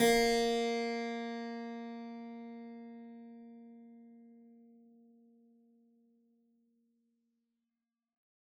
<region> pitch_keycenter=58 lokey=58 hikey=59 volume=0.746479 trigger=attack ampeg_attack=0.004000 ampeg_release=0.400000 amp_veltrack=0 sample=Chordophones/Zithers/Harpsichord, Flemish/Sustains/Low/Harpsi_Low_Far_A#2_rr1.wav